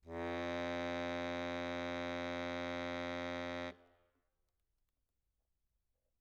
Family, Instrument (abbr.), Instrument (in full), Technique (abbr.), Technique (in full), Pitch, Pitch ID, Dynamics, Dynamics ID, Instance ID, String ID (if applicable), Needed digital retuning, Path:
Keyboards, Acc, Accordion, ord, ordinario, F2, 41, mf, 2, 2, , FALSE, Keyboards/Accordion/ordinario/Acc-ord-F2-mf-alt2-N.wav